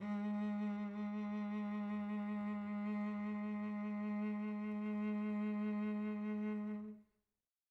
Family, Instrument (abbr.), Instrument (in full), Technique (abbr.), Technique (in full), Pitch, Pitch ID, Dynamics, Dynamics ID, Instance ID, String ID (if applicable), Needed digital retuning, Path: Strings, Vc, Cello, ord, ordinario, G#3, 56, pp, 0, 3, 4, TRUE, Strings/Violoncello/ordinario/Vc-ord-G#3-pp-4c-T24u.wav